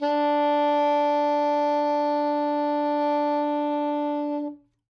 <region> pitch_keycenter=62 lokey=61 hikey=64 tune=1 volume=9.757663 lovel=0 hivel=83 ampeg_attack=0.004000 ampeg_release=0.500000 sample=Aerophones/Reed Aerophones/Saxello/Non-Vibrato/Saxello_SusNV_MainSpirit_D3_vl2_rr2.wav